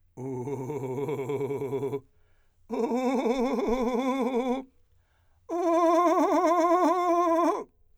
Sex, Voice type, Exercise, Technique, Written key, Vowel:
male, , long tones, trillo (goat tone), , u